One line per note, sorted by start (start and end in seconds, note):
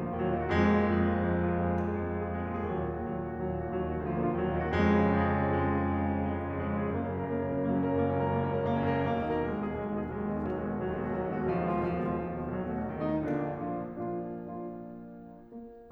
0.00 0.17 A#2
0.00 0.17 A#3
0.08 0.26 D3
0.08 0.26 F4
0.17 0.37 D#2
0.17 0.37 F#3
0.26 0.46 A#2
0.26 0.46 A#3
0.37 0.60 D#3
0.37 0.60 F#4
0.46 0.81 F2
0.46 0.81 G#3
0.66 0.89 A#2
0.66 0.89 A#3
0.81 0.98 F3
0.81 0.98 G#4
0.89 1.04 F2
0.89 1.04 G#3
0.98 1.13 A#2
0.98 1.13 A#3
1.04 1.25 F3
1.04 1.25 G#4
1.14 1.34 F2
1.14 1.34 G#3
1.25 1.45 A#2
1.25 1.45 A#3
1.34 1.53 F3
1.34 1.53 G#4
1.45 1.63 F2
1.45 1.63 G#3
1.53 1.73 A#2
1.53 1.73 A#3
1.63 1.95 F3
1.63 1.95 G#4
1.78 2.05 F2
1.78 2.05 G#3
1.95 2.15 A#2
1.95 2.15 A#3
2.05 2.32 F3
2.05 2.32 G#4
2.15 2.48 F2
2.15 2.48 G#3
2.32 2.66 A#2
2.32 2.66 A#3
2.53 2.66 F3
2.53 2.66 G#4
2.67 2.97 D#2
2.67 2.97 F#3
2.77 3.05 A#2
2.77 3.05 A#3
2.97 3.17 D#3
2.97 3.17 F#4
3.05 3.27 D#2
3.05 3.27 F#3
3.17 3.41 A#2
3.17 3.41 A#3
3.30 3.56 D#3
3.30 3.56 F#4
3.41 3.65 D#2
3.41 3.65 F#3
3.56 3.75 A#2
3.56 3.75 A#3
3.65 3.83 D#3
3.65 3.83 F#4
3.75 3.97 D#2
3.75 3.97 F#3
3.83 4.08 A#2
3.83 4.08 A#3
3.98 4.17 D#3
3.98 4.17 F#4
4.08 4.25 D2
4.08 4.25 F3
4.17 4.41 A#2
4.17 4.41 A#3
4.25 4.50 D3
4.25 4.50 F4
4.41 4.60 D#2
4.41 4.60 F#3
4.52 4.68 A#2
4.52 4.68 A#3
4.61 4.77 D#3
4.61 4.77 F#4
4.68 4.88 F2
4.68 4.88 G#3
4.77 4.96 C#3
4.77 4.96 C#4
4.88 5.05 F3
4.88 5.05 G#4
4.96 5.21 F2
4.96 5.21 G#3
5.06 5.31 C#3
5.06 5.31 C#4
5.21 5.39 F3
5.21 5.39 G#4
5.31 5.47 F2
5.31 5.47 G#3
5.39 5.61 C#3
5.39 5.61 C#4
5.47 5.69 F3
5.47 5.69 G#4
5.61 5.83 F2
5.61 5.83 G#3
5.70 5.91 C#3
5.70 5.91 C#4
5.83 5.99 F3
5.83 5.99 G#4
5.91 6.20 F2
5.91 6.20 G#3
5.99 6.30 C#3
5.99 6.30 C#4
6.20 6.44 F3
6.20 6.44 G#4
6.33 6.66 F2
6.33 6.66 G#3
6.44 6.75 C#3
6.44 6.75 C#4
6.66 6.86 F3
6.66 6.86 G#4
6.75 6.95 F#2
6.75 6.95 A#3
6.86 7.06 C#3
6.86 7.06 C#4
6.95 7.20 F#3
6.95 7.20 A#4
7.07 7.40 F#2
7.07 7.40 A#3
7.20 7.56 C#3
7.20 7.56 C#4
7.40 7.66 F#3
7.40 7.66 A#4
7.56 7.80 F#2
7.56 7.80 A#3
7.66 7.93 C#3
7.66 7.93 C#4
7.81 8.06 F#3
7.81 8.06 A#4
7.96 8.19 F#1
7.96 8.19 A#3
8.06 8.30 C#2
8.06 8.30 C#4
8.19 8.42 F#2
8.19 8.42 A#4
8.30 8.52 F#1
8.30 8.52 A#3
8.42 8.64 C#2
8.42 8.64 C#4
8.53 8.72 F#2
8.53 8.72 A#4
8.64 8.80 F#1
8.64 8.80 A#3
8.72 8.93 C#2
8.72 8.93 C#4
8.80 9.16 F#2
8.80 9.16 A#4
8.93 9.25 B1
8.93 9.25 A#3
9.16 9.33 D#2
9.16 9.33 D#4
9.26 9.44 B2
9.26 9.44 A#4
9.33 9.54 B1
9.33 9.54 G#3
9.44 9.65 D#2
9.44 9.65 D#4
9.54 9.82 B2
9.54 9.82 G#4
9.65 9.93 B1
9.65 9.93 G#3
9.83 10.03 D#2
9.83 10.03 D#4
9.94 10.12 B2
9.94 10.12 G#4
10.03 10.27 B1
10.03 10.27 G#3
10.12 10.36 D#2
10.12 10.36 D#4
10.27 10.45 B2
10.27 10.45 G#4
10.36 10.54 B1
10.36 10.54 F#3
10.46 10.69 D#2
10.46 10.69 G#3
10.54 10.82 B2
10.54 10.82 F#4
10.69 10.94 B1
10.69 10.94 F#3
10.82 11.05 D#2
10.82 11.05 G#3
10.94 11.13 B2
10.94 11.13 F#4
11.05 11.28 B1
11.05 11.28 F#3
11.15 11.42 D#2
11.15 11.42 G#3
11.28 11.51 B2
11.28 11.51 F#4
11.42 11.58 B1
11.42 11.58 F3
11.51 11.66 D#2
11.51 11.66 G#3
11.58 11.80 B2
11.58 11.80 F4
11.71 11.89 B1
11.71 11.89 F3
11.80 12.00 D#2
11.80 12.00 G#3
11.89 12.12 B2
11.89 12.12 F4
12.00 12.26 B1
12.00 12.26 F3
12.12 12.35 D#2
12.12 12.35 G#3
12.26 12.47 B2
12.26 12.47 F4
12.38 12.60 B1
12.38 12.60 F#3
12.47 12.68 D#2
12.47 12.68 A3
12.60 12.78 B2
12.60 12.78 F#4
12.68 12.98 B1
12.68 12.98 F#3
12.78 13.21 D#2
12.78 13.21 A3
13.01 13.21 B2
13.01 13.21 D#4
13.22 13.75 A#1
13.22 13.75 A#2
13.22 13.75 D3
13.22 13.75 A#3
13.22 13.75 D4
13.75 14.09 A#2
13.75 14.09 F3
13.75 14.09 A#3
13.75 14.09 D4
13.75 14.09 F4
14.09 14.50 A#2
14.09 14.50 F3
14.09 14.50 A#3
14.09 14.50 D4
14.09 14.50 F4
14.51 15.13 A#2
14.51 15.13 F3
14.51 15.13 A#3
14.51 15.13 D4
14.51 15.13 F4
15.55 15.92 A#3